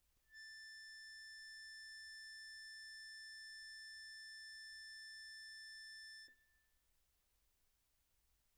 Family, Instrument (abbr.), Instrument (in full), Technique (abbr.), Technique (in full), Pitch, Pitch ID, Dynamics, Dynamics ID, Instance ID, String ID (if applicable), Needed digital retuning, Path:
Keyboards, Acc, Accordion, ord, ordinario, A6, 93, pp, 0, 0, , FALSE, Keyboards/Accordion/ordinario/Acc-ord-A6-pp-N-N.wav